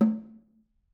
<region> pitch_keycenter=60 lokey=60 hikey=60 volume=12.173549 offset=209 lovel=55 hivel=83 seq_position=2 seq_length=2 ampeg_attack=0.004000 ampeg_release=15.000000 sample=Membranophones/Struck Membranophones/Snare Drum, Modern 1/Snare2_HitNS_v4_rr2_Mid.wav